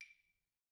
<region> pitch_keycenter=61 lokey=61 hikey=61 volume=24.449649 offset=188 lovel=0 hivel=65 ampeg_attack=0.004000 ampeg_release=15.000000 sample=Idiophones/Struck Idiophones/Claves/Claves2_Hit_v1_rr1_Mid.wav